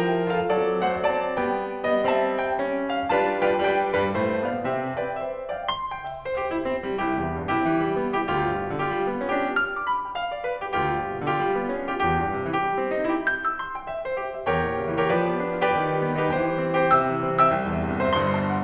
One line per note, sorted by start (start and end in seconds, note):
0.00 0.53 F3
0.00 0.34 E4
0.00 0.34 A#4
0.00 0.34 G5
0.35 0.53 F4
0.35 0.53 A4
0.35 0.53 F5
0.56 0.86 F#3
0.56 1.06 C4
0.56 0.86 A4
0.56 0.86 D5
0.88 1.06 A3
0.88 1.06 C5
0.88 1.06 F#5
1.07 1.42 F#3
1.07 1.42 C4
1.07 2.05 D5
1.07 1.42 A5
1.43 2.05 G3
1.43 1.88 B3
1.43 2.05 G5
1.89 2.05 B3
1.89 2.05 D#5
2.08 3.13 G3
2.08 2.66 C4
2.08 2.26 E5
2.08 2.45 A5
2.47 3.13 G5
2.67 2.96 C#4
2.97 3.13 D4
2.97 3.13 F5
3.15 3.47 G3
3.15 3.47 D4
3.15 3.47 F4
3.15 3.47 B4
3.15 3.47 F5
3.15 3.47 A5
3.48 3.67 G3
3.48 3.67 D4
3.48 3.67 F4
3.48 3.67 B4
3.48 3.67 D5
3.48 3.67 G5
3.69 4.01 G3
3.69 4.01 D4
3.69 4.01 F4
3.69 4.01 B4
3.69 4.01 D5
3.69 4.47 G5
4.03 4.19 G2
4.03 4.19 G3
4.03 4.19 B4
4.20 4.47 A2
4.20 4.47 A3
4.20 4.47 C5
4.48 4.61 B2
4.48 4.61 B3
4.48 4.61 D5
4.48 4.61 F5
4.63 5.02 C3
4.63 5.02 C4
4.63 5.02 G4
4.63 5.20 E5
5.04 5.20 B4
5.04 5.54 G5
5.21 5.54 C5
5.55 5.71 D5
5.55 5.71 F5
5.55 5.71 G5
5.74 5.93 C6
5.93 6.04 G5
6.05 6.23 E5
6.23 6.36 C5
6.36 6.52 G4
6.54 6.61 E4
6.62 6.85 C4
6.86 6.97 G3
6.98 7.19 C2
6.98 7.56 E4
6.98 7.56 G4
7.20 7.36 E2
7.36 7.56 G2
7.57 7.66 C3
7.57 8.24 E4
7.57 8.24 G4
7.66 7.88 E3
7.88 8.00 G3
8.01 8.24 B3
8.24 8.34 E4
8.24 8.34 G4
8.35 8.53 D2
8.35 8.81 F4
8.35 8.81 G4
8.54 8.63 G2
8.64 8.81 B2
8.82 8.90 D3
8.82 9.40 F4
8.82 9.40 G4
8.92 9.09 G3
9.10 9.20 B3
9.20 9.40 C#4
9.42 9.54 D4
9.42 9.54 F4
9.42 9.54 G4
9.54 9.75 F6
9.75 9.85 D6
9.85 10.07 B5
10.07 10.16 G5
10.17 10.32 F5
10.33 10.41 D5
10.43 10.65 B4
10.66 10.75 G4
10.76 10.99 D2
10.76 11.28 F4
10.76 11.28 G4
11.01 11.11 G2
11.11 11.28 B2
11.30 11.40 D3
11.30 11.95 F4
11.30 11.95 G4
11.40 11.62 G3
11.62 11.73 B3
11.76 11.95 C#4
11.95 12.03 D4
11.95 12.03 F4
11.95 12.03 G4
12.04 12.21 C2
12.04 12.49 G4
12.23 12.31 G2
12.32 12.49 C3
12.50 12.62 E3
12.50 13.13 G4
12.63 12.86 G3
12.88 12.96 C4
12.96 13.13 D#4
13.14 13.29 E4
13.14 13.29 G4
13.29 13.50 G6
13.50 13.60 E6
13.61 13.78 C6
13.78 13.92 G5
13.93 14.09 E5
14.11 14.19 C5
14.20 14.38 G4
14.40 14.48 G5
14.49 14.70 E2
14.49 15.05 G4
14.49 15.05 A#4
14.49 15.05 C#5
14.49 15.05 G5
14.73 14.86 A#2
14.86 15.05 C#3
15.06 15.16 E3
15.06 15.66 G4
15.06 15.66 B4
15.06 15.66 D5
15.06 15.66 G5
15.17 15.36 F3
15.36 15.49 B3
15.50 15.66 D4
15.66 15.77 F4
15.66 15.77 G4
15.66 15.77 B4
15.66 15.77 D5
15.66 15.77 G5
15.78 15.96 D#3
15.78 16.25 G4
15.78 16.25 B4
15.78 16.25 G5
15.98 16.06 G3
16.07 16.25 B3
16.27 16.35 D#4
16.27 16.87 G4
16.27 16.87 C5
16.27 16.87 G5
16.36 16.54 E3
16.56 16.66 G3
16.66 16.87 C4
16.88 16.97 E4
16.88 16.97 G4
16.88 16.97 C5
16.88 16.97 G5
16.99 17.18 C3
16.99 17.48 E5
16.99 17.48 G5
16.99 17.48 E6
17.18 17.28 E3
17.29 17.48 G3
17.48 17.58 B3
17.48 18.03 E5
17.48 18.03 G5
17.48 18.03 E6
17.59 17.75 C2
17.76 17.84 E2
17.86 18.03 G2
18.04 18.12 C3
18.04 18.12 C5
18.04 18.12 E5
18.04 18.12 C6
18.15 18.63 G1
18.15 18.63 G2
18.15 18.36 C6
18.37 18.46 A5
18.46 18.63 F#5